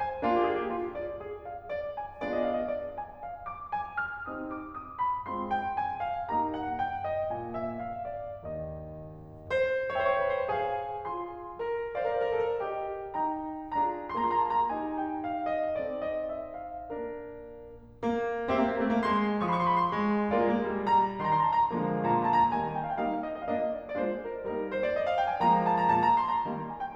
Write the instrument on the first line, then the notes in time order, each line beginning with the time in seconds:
piano
0.00 G#5
0.23 A#3 D4 F4
0.36 G4
0.49 G#4
0.60 G4
0.71 F4
0.94 C5
1.18 G#4
1.40 F5
1.74 C5
1.97 G#5
2.21 B3 D4 F4 G#4 D5
2.30 D#5
2.41 F5
2.52 D#5
2.65 D5
2.95 G#5
3.23 F5
3.49 D6
3.73 G#5
3.96 F6
4.28 C4 D#4 G4 D#6
4.50 D6
4.82 D#6
5.05 B5
5.28 G#3 C4 F4 C6
5.49 G5
5.71 G#5
6.00 F5
6.28 A#3 D#4 G4 A#5
6.50 F#5
6.73 G5
7.05 D#5
7.31 A#2 A#3 G#5
7.52 E5
7.78 C5 F5
8.00 D5
8.48 D#2 D#3 D#5
9.50 C5
9.97 C5 E5 G5
10.03 C#5
10.08 C5
10.14 C#5
10.21 C5
10.27 C#5
10.33 B4
10.38 C5
10.48 G#4 F5 G#5
11.05 F4 G#5 C6
11.56 A#4
11.97 A#4 D5 F5
12.05 C5
12.10 A#4
12.18 C5
12.28 A#4
12.38 C5
12.43 A4
12.48 A#4
12.63 G4 D#5 G5
13.13 D#4 G5 A#5
13.78 D4 F4 G#4 A#5
14.19 A#3 F4 G#4 A#5
14.23 C6
14.29 A#5
14.35 C6
14.43 A#5
14.49 C6
14.54 A5
14.62 A#5
14.68 D#4 G4 G#5
14.98 G5
15.24 F5
15.52 D#5
15.84 C4 D#4 A4 D5
16.08 D#5
16.29 E5
16.53 F5
16.85 A#3 D4 A#4
17.87 A#3
18.49 A#3 G4 C5 E5
18.56 C4
18.65 A#3
18.73 A#3 C4
18.82 C4
18.88 A3
18.96 A#3
19.02 G#3 C6
19.46 F3 C6
19.52 C#6
19.57 C6
19.63 C#6
19.68 C6
19.74 C#6
19.78 B5
19.85 C6
19.91 G#3
20.35 G#3 A#3 F4 A#4 D5
20.45 G#3
20.49 G#3 A#3
20.57 A#3
20.64 G3
20.70 G#3
20.75 G3 A#5
21.18 D#3 A#5
21.23 C6
21.30 A#5
21.35 C6
21.42 A#5
21.47 C6
21.55 A5
21.62 A#5
21.66 D3 F3 G#3 A#3
22.11 A#2 A#5
22.19 C6
22.23 A#5
22.29 C6
22.35 A#5
22.41 C6
22.45 A5
22.50 A#5
22.57 D#3 G3 A#3 G#5
22.80 G5
23.01 G3 A#3 D#4 F5
23.08 G5
23.13 F5
23.27 D#5
23.49 A#3 D4 F4 D#5 F5
23.57 D#5
23.67 D5
23.93 G#3 A#3 D4 F4 C5
23.97 D5
24.06 C5
24.17 A#4
24.43 G3 A#3 D#4 A#4
24.64 C5
24.78 D5
24.89 D#5
25.02 F5
25.18 G5
25.30 G#5
25.43 D3 F3 G#3 A#3 A#5
25.67 A5
25.77 A#5
25.91 A#2 A5
26.09 A#5
26.25 C6
26.35 A#5
26.46 D#3 G3 A#3
26.70 G#5
26.81 G5